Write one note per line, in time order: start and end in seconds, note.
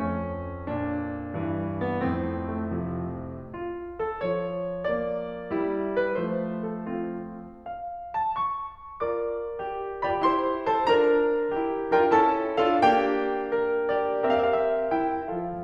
0.00 2.07 F2
0.00 0.66 C#4
0.68 1.28 A#2
0.68 1.86 D4
1.29 2.07 G2
1.29 2.07 E3
1.86 2.07 B3
2.08 3.16 F2
2.08 3.16 A2
2.08 2.59 C4
2.59 2.74 A3
2.75 3.16 C3
2.75 3.16 F3
3.55 3.99 F4
4.01 4.19 A4
4.19 6.25 F3
4.19 4.91 C#5
4.91 5.54 A#3
4.91 6.01 D5
5.55 6.25 G3
5.55 6.25 E4
6.03 6.25 B4
6.26 7.27 F3
6.26 7.27 A3
6.26 6.77 C5
6.78 6.90 A4
6.91 7.27 C4
6.91 7.27 F4
7.65 8.13 F5
8.13 8.30 A5
8.31 9.00 C#6
9.01 9.58 F4
9.01 10.08 A#4
9.01 10.08 D5
9.01 10.08 D6
9.59 10.08 G4
10.08 10.25 F4
10.08 10.25 G4
10.08 10.25 D5
10.08 10.25 B5
10.26 10.68 E4
10.26 10.68 G4
10.26 10.68 C5
10.26 10.68 C6
10.68 10.87 F4
10.68 10.87 A4
10.68 10.87 C5
10.68 10.87 A5
10.87 11.55 D4
10.87 11.55 F4
10.87 11.95 A#4
10.87 11.95 A#5
11.55 11.95 E4
11.55 11.95 G4
11.96 12.11 D4
11.96 12.11 F4
11.96 12.11 A#4
11.96 12.11 G5
12.11 12.60 C#4
12.11 12.60 E4
12.11 12.60 A4
12.11 12.60 A5
12.61 12.82 D4
12.61 12.82 F4
12.61 12.82 A4
12.61 12.82 F5
12.83 14.32 A#3
12.83 14.12 D4
12.83 13.55 G4
12.83 14.12 G5
13.56 14.32 A#4
14.13 14.32 G4
14.13 14.32 D5
14.33 15.16 C4
14.33 14.90 G4
14.33 15.16 A#4
14.33 14.40 F5
14.41 14.49 E5
14.50 14.62 D5
14.63 14.90 E5
14.91 15.16 E4
14.91 15.16 G5
15.16 15.55 F3
15.16 15.55 F4
15.16 15.55 A4
15.16 15.55 F5